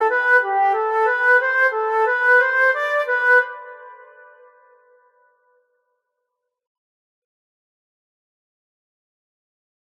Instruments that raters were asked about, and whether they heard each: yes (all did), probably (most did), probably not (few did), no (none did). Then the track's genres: trombone: probably not
clarinet: probably
trumpet: no
Pop; Electronic; Folk; Indie-Rock